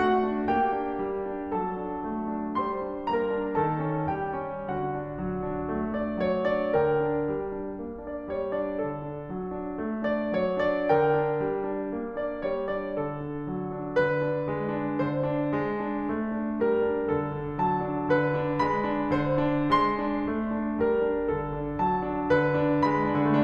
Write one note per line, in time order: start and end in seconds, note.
0.01 0.27 A3
0.01 0.48 F#4
0.01 0.48 F#5
0.28 0.48 D4
0.48 0.81 A#3
0.48 1.57 G4
0.48 1.57 G5
0.81 1.05 D4
1.06 1.31 G3
1.32 1.57 D4
1.60 1.89 F#3
1.60 2.54 A4
1.60 2.54 A5
1.89 2.10 D4
2.11 2.32 A3
2.33 2.54 D4
2.55 3.07 G3
2.55 3.07 C5
2.55 3.07 C6
2.82 3.35 D4
3.08 3.59 A#3
3.08 3.59 A#4
3.08 3.59 A#5
3.36 3.84 D4
3.60 4.12 D#3
3.60 4.12 A4
3.60 4.12 A5
3.86 4.44 C#4
4.13 4.68 G3
4.13 4.68 G4
4.13 4.68 G5
4.45 4.97 C#4
4.70 4.97 D3
4.70 5.73 F#4
4.70 5.73 F#5
4.97 5.18 D4
5.20 5.46 F#3
5.47 5.73 D4
5.74 5.98 A3
6.00 6.22 D4
6.00 6.22 D5
6.23 6.44 F#3
6.23 6.44 C#5
6.45 6.75 D4
6.45 6.75 D5
6.77 7.08 D3
6.77 7.34 A#4
6.77 7.34 G5
7.08 7.34 D4
7.35 7.61 G3
7.61 7.78 D4
7.80 8.04 A#3
8.05 8.36 D4
8.05 8.36 D5
8.38 8.57 G3
8.38 8.57 C#5
8.59 8.79 D4
8.59 8.79 D5
8.81 9.04 D3
8.81 9.28 A4
9.04 9.28 D4
9.29 9.53 F#3
9.54 9.77 D4
9.78 10.04 A3
10.05 10.35 D4
10.05 10.35 D5
10.36 10.68 F#3
10.36 10.68 C#5
10.68 10.90 D4
10.68 10.90 D5
10.91 11.19 D3
10.91 11.45 A#4
10.91 11.45 G5
11.19 11.45 D4
11.46 11.67 G3
11.69 11.89 D4
11.91 12.20 A#3
12.21 12.49 D4
12.21 12.49 D5
12.50 12.74 G3
12.50 12.74 C#5
12.75 13.00 D4
12.75 13.00 D5
13.01 13.29 D3
13.01 13.98 A4
13.29 13.52 D4
13.52 13.74 F#3
13.75 13.98 D4
14.02 14.26 D3
14.02 15.05 B4
14.27 14.54 D4
14.55 14.81 G#3
14.82 15.05 D4
15.06 15.30 D3
15.06 16.60 C5
15.30 15.60 D4
15.60 15.83 G#3
15.84 16.10 D4
16.11 16.35 A3
16.36 16.60 D4
16.60 16.78 G3
16.60 17.06 A#4
16.81 17.06 D4
17.07 17.33 D3
17.07 17.57 A4
17.33 17.57 D4
17.57 17.83 F#3
17.57 18.08 A5
17.84 18.08 D4
18.09 18.37 D3
18.09 18.65 B4
18.38 18.65 D4
18.66 18.91 G#3
18.66 19.10 B5
18.92 19.10 D4
19.12 19.37 D3
19.12 19.74 C5
19.37 19.74 D4
19.74 20.06 G#3
19.74 20.82 C6
20.07 20.37 D4
20.38 20.60 A3
20.61 20.82 D4
20.83 21.09 G3
20.83 21.31 A#4
21.10 21.31 D4
21.32 21.57 D3
21.32 21.82 A4
21.58 21.82 D4
21.82 22.09 F#3
21.82 22.31 A5
22.10 22.31 D4
22.32 22.61 D3
22.32 22.84 B4
22.62 22.84 D4
22.85 23.12 G#3
22.85 23.41 B5
23.13 23.41 D4